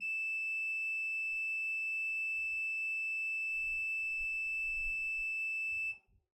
<region> pitch_keycenter=88 lokey=88 hikey=89 offset=76 ampeg_attack=0.004000 ampeg_release=0.300000 amp_veltrack=0 sample=Aerophones/Edge-blown Aerophones/Renaissance Organ/4'/RenOrgan_4foot_Room_E5_rr1.wav